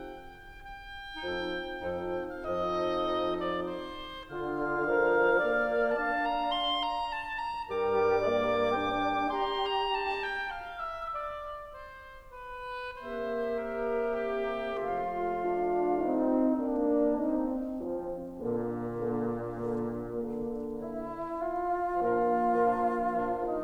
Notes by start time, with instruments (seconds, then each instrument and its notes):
0.00 oboe G5
0.72 oboe G5
1.13 bassoon F2 F3, clarinet C4 D#4, oboe A4
1.88 bassoon F2 F3, clarinet C4 D#4, oboe A4
2.37 oboe F5
2.59 bassoon F2 F3, clarinet C4 D#4, oboe A4 D#5
3.36 oboe D5
3.70 oboe C5
4.27 bassoon D3, clarinet F4, oboe F5
4.96 bassoon F3, clarinet A#4
5.35 bassoon A#3, clarinet D5
5.92 bassoon D4, clarinet F5, oboe A5
6.27 oboe A#5
6.48 oboe C6
6.77 oboe A#5
7.01 oboe A5
7.36 oboe A#5
7.65 bassoon G2 G3, clarinet A#4, oboe D6
8.21 bassoon A#3, clarinet D5
8.71 bassoon D4, clarinet G5
9.26 bassoon G4, clarinet A#5, oboe C6
9.50 oboe A#5
9.73 oboe A5
9.97 oboe G5
10.47 oboe F5
10.92 oboe E5
11.17 oboe D5
11.75 oboe C5
12.38 oboe B4
13.00 bassoon C3 A#3, clarinet G4 E5, oboe C5
13.62 oboe A#4
14.15 oboe G4
14.78 bassoon F3 A3, clarinet F4 F5, oboe F4
15.39 horn D4 F4
16.07 horn C4 D#4
16.56 horn A#3 D4
17.26 horn C4 D#4
17.76 horn F3 C4
18.39 bassoon A#2, horn D3 A#3
18.99 horn D3 A#3
19.63 horn D3 A#3
20.14 horn D3 A#3
20.72 bassoon E4
21.28 bassoon F4
22.02 bassoon A#2 F4, horn F3 A#3, clarinet D4 A#4
22.57 bassoon A#2, horn F3, clarinet D4 A#4
23.15 bassoon A#2, horn F3, clarinet D4 A#4
23.48 bassoon D#4